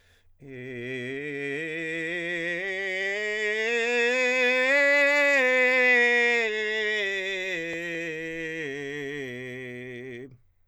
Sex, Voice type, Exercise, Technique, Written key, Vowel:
male, countertenor, scales, belt, , e